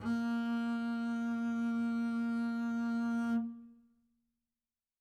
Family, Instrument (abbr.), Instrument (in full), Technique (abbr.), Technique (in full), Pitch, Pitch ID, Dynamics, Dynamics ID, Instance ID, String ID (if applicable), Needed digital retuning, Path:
Strings, Cb, Contrabass, ord, ordinario, A#3, 58, mf, 2, 0, 1, FALSE, Strings/Contrabass/ordinario/Cb-ord-A#3-mf-1c-N.wav